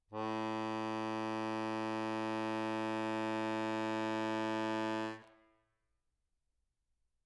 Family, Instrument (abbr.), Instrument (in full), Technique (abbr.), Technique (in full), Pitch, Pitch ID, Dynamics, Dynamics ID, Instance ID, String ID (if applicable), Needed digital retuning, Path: Keyboards, Acc, Accordion, ord, ordinario, A2, 45, mf, 2, 3, , FALSE, Keyboards/Accordion/ordinario/Acc-ord-A2-mf-alt3-N.wav